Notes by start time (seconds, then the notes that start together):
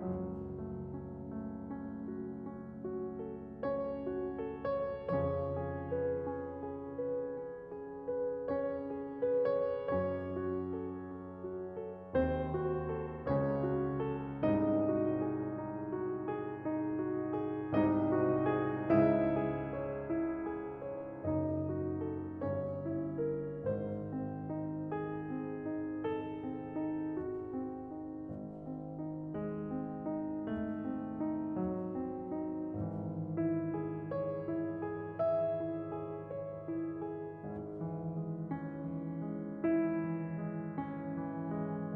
0.00 F#1 C#2 F#2 F#3
0.42 A3
0.84 C#4
1.28 A3
1.71 C#4
2.15 F#4
2.50 C#4
2.84 F#4
3.20 A4
3.58 C#4 C#5
4.09 F#4
4.57 A4
4.74 C#5
5.10 F2 C#3 F3 C#4 C#5
5.48 G#4
5.83 B4
6.26 C#4
6.62 G#4
7.11 B4
7.50 C#4
7.83 G#4
8.14 B4
8.51 C#4 C#5
8.94 G#4
9.39 B4
9.49 C#5
9.88 F#2 F#3 C#4 C#5
10.21 F#4
10.58 A4
10.92 C#4
11.42 F#4
11.75 A4
12.09 D#2 D#3 C4 C5
12.55 F#4
12.92 A4
13.26 C#2 C#3 C#4 C#5
13.66 F#4
13.98 A4
14.43 C2 G#2 C3 D#4 D#5
14.88 F#4
15.26 G#4
15.62 D#4
16.00 F#4
16.31 G#4
16.61 D#4
17.00 F#4
17.37 G#4
17.74 C2 G#2 C3 D#4 D#5
18.19 F#4
18.54 G#4
18.95 C#2 G#2 C#3 E4 E5
19.34 G#4
19.67 C#5
20.06 E4
20.47 G#4
20.86 C#5
21.23 F#1 F#2 D#4 D#5
21.65 F#4
22.05 A4
22.41 G1 G2 C#4 C#5
22.79 E4
23.21 A#4
23.61 G#1 G#2 C5
24.11 C4
24.54 D#4
24.94 G#4
25.32 C4
25.61 D#4
25.99 A4
26.44 C4
26.78 D#4
27.18 F#4
27.55 C4
27.91 D#4
28.34 G#1 G#2
28.69 C3
28.98 D#3
29.36 G#3
29.72 C3
30.13 D#3
30.46 A3
30.81 C3
31.17 D#3
31.53 F#3
31.94 C3
32.38 D#3
32.86 G#1 G#2 E3
33.31 E4
33.76 G#4
34.12 C#5
34.48 E4
34.85 G#4
35.18 E5
35.50 E4
35.91 G#4
36.27 C#5
36.57 E4
36.93 G#4
37.34 G#1 G#2
37.81 E3
38.22 G#3
38.57 C#4
38.96 E3
39.29 G#3
39.62 E4
39.98 E3
40.34 G#3
40.73 C#4
41.10 E3
41.48 G#3